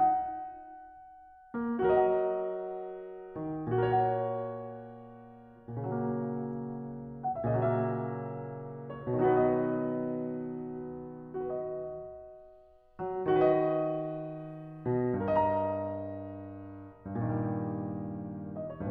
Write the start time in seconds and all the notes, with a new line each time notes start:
0.00 F#5
1.52 A#3
2.03 F#3
2.16 F#4
2.22 A#4
2.26 D#5
2.31 F#5
3.34 D#3
3.75 A#2
3.94 F#4
3.99 A#4
4.04 C#5
4.09 F#5
5.70 A#2
5.77 C#3
5.82 F#3
5.86 A#3
7.09 F#5
7.29 E5
7.53 D#5
7.62 A#2
7.67 C#3
7.72 F#3
7.77 A#3 E5
9.10 C#5
9.43 B2
9.49 D#3
9.54 F#3 D#4
9.60 B3 F#4
9.66 B4
9.72 D#5
11.66 F#4
11.71 B4
11.77 D#5
12.98 F#3
13.27 D#3
13.41 F#4
13.47 B4
13.54 D#5
14.71 B2
15.14 G2
15.34 A#4
15.38 D#5
15.44 A#5
17.07 G2
17.15 A#2
17.21 D#3
17.25 G3
18.44 D#5
18.65 C#5
18.82 B4